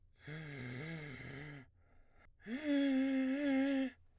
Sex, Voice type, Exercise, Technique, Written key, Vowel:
male, baritone, long tones, inhaled singing, , e